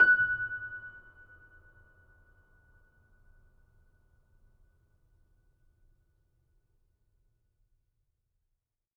<region> pitch_keycenter=90 lokey=90 hikey=91 volume=0.196902 lovel=0 hivel=65 locc64=65 hicc64=127 ampeg_attack=0.004000 ampeg_release=0.400000 sample=Chordophones/Zithers/Grand Piano, Steinway B/Sus/Piano_Sus_Close_F#6_vl2_rr1.wav